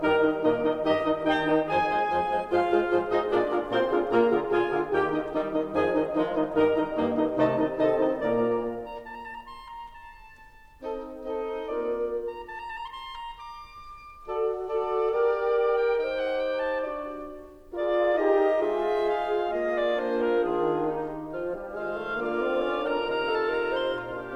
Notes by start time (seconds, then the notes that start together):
0.00 G2 D#3 G3 D#4 A#4 D#5 A#5
0.22 D#3 D#4 D#5
0.43 A#2 D#3 A#3 D#4 A#4 D#5
0.59 D#3 D#4 D#5
0.80 G2 D#3 G3 D#4 G4 D#5
1.00 D#3 D#4 D#5
1.21 D#2 D#3 D#4 D#5 G5
1.42 D#3 D#4 D#5
1.65 F2 F3 G#4 C5 G#5
1.89 F3 G#3 C5
2.07 F2 F3 C5
2.26 F3 G#3 C5
2.48 G#2 F3 F4 G#4 C5 F5
2.68 G#3 F4 G#4 C5
2.90 G#2 F3 F4 G#4 C5
3.10 G#3 D#4 F4 G#4 C5 D#5
3.31 A#2 A#3 D4 F4 G#4 A#4 D5
3.54 D3 D4 F4 G#4 A#4
3.74 A#2 A#3 C4 F4 G#4 A#4 C5 C6
3.94 D3 D4 F4 G#4 A#4
4.13 A#2 A#3 F4 G#4 A#4 A#5
4.37 D3 F4 G#4 A#4
4.61 A#2 F4 G#4 A#4 G#5
4.81 D3 F4 G#4 A#4
5.02 D#2 D#3 D#4 G4 A#4 G5
5.21 D#3 D#4 D#5
5.34 D#3 G3 D#4 D#5
5.53 D#3 D#4 D#5
5.74 F2 D#3 F3 D#4 G#4 D#5 G#5
5.97 D#3 D#4 D#5
6.13 D#3 F3 G#3 D#4 F4 D#5
6.32 D#3 D#4 D#5
6.54 G2 D#3 G3 D#4 A#4 D#5 A#5
6.76 D#3 D#4 D#5
6.93 G2 D#3 G3 A#3 D#4 D#5
7.12 D#3 D#4 D#5
7.33 C2 C3 D#3 A3 D#4 D#5 A5
7.51 D#3 D#4 D#5
7.77 C3 D#3 C4 D#4 A4 D#5 A5
7.99 D#3 D#4 D#5
8.19 A#2 A#3 A#4 D5 A#5
9.06 A#5
9.28 A5
9.36 A#5
9.40 A5
9.51 A#5
9.61 C6
9.76 A#5
9.89 A5
10.77 C4 D#4 A4 D#5
11.18 C4 D#4 A4 D#5
11.68 A#3 F4 A#4 D5
12.43 A#5
12.64 A5
12.71 A#5
12.78 A5
12.85 A#5
12.97 C6
13.18 A#5
13.39 D6
14.28 F#4 A4 D5
14.71 F#4 A4 D5
15.15 G4 A#4 D5
15.75 G5
16.01 D#4 G4 C5 G5
16.23 F#5
16.43 G5
16.65 A5
16.88 D4 F#4 D5
17.74 F4 G#4 A#4 D5
18.16 D#4 G4 D#5
18.60 G#3 F4 G#4 C5 E5
19.04 F5
19.49 A#3 F4 G#4 D#5
19.74 D5
19.96 A#3 D4 C5
20.19 A#4
20.40 D#3 D4 F4 G#4
20.85 D#4 G4
21.35 F3 F4 F5
21.56 G3
21.76 D#3 G#3 F4 C5 F5
21.99 A3
22.23 D3 A#3 F4 D5 F5
22.44 C4
22.65 C#4
22.86 D4 A#4 A#5
23.06 C3 D#4 A#4 F5 A#5
23.29 A4 A5
23.53 A#4 A#5
23.75 C5 C6
23.95 A#2 F4 F5
24.17 D4 G4